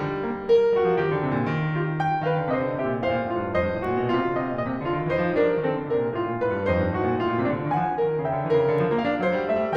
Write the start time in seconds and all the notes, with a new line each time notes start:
0.00 G3
0.29 A#3
0.58 A#4
0.79 G3 F#4
0.93 F3
1.03 D#3 G4
1.16 D3
1.25 C3
1.36 A#2
1.52 D#3
1.75 G4
2.02 G5
2.24 D#3 A#4 F5
2.36 D3
2.53 C3 C5 D#5
2.66 D3
2.80 C3 G4 E5
2.90 A#2
3.03 A2 C5 F5
3.16 A#2
3.29 A2 F4
3.44 G2
3.52 F2 C5 D#5
3.61 G2
3.75 A2 G4
3.84 A#2
3.98 B2 F4
4.12 C3
4.27 D3 D#5
4.40 C3
4.53 A#2 D#5
4.70 C3
4.82 D3 F4 D5
4.92 D#3
5.10 E3 D#4 C5
5.20 F3
5.47 G3 D4 A#4
5.60 F3
5.69 D#3 C4 A4
5.83 D3
5.96 C3 D4 A#4
6.05 A#2
6.15 A2 F4
6.27 A#2
6.41 A2 A#4
6.52 G2
6.66 F2 D#4 C5
6.79 G2
6.95 A2 F#4
7.06 A#2
7.16 A2 F4
7.28 A#2
7.41 C3 D4
7.57 D3
7.67 D#3 G#5
7.83 F3
7.99 G3 A#4
8.13 D#3
8.27 C#3 E5 G5
8.37 D3
8.52 E3 A#4
8.64 C#3
8.80 D3
8.90 F3
9.00 A#3 F5
9.13 D4
9.24 F#3 C5
9.38 G3
9.49 A3 E5
9.64 G3